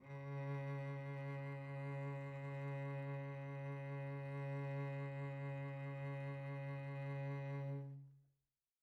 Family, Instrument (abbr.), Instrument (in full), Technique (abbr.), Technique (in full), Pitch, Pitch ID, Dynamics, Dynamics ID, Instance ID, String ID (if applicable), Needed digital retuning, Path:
Strings, Vc, Cello, ord, ordinario, C#3, 49, pp, 0, 2, 3, FALSE, Strings/Violoncello/ordinario/Vc-ord-C#3-pp-3c-N.wav